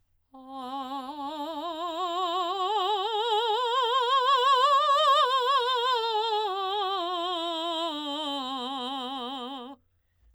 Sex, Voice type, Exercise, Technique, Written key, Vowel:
female, soprano, scales, vibrato, , a